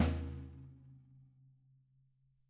<region> pitch_keycenter=62 lokey=62 hikey=62 volume=12.659990 lovel=84 hivel=106 seq_position=2 seq_length=2 ampeg_attack=0.004000 ampeg_release=30.000000 sample=Membranophones/Struck Membranophones/Snare Drum, Rope Tension/Hi/RopeSnare_hi_sn_Main_vl3_rr1.wav